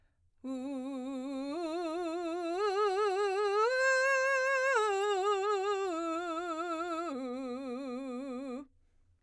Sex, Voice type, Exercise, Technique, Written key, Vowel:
female, soprano, arpeggios, belt, , u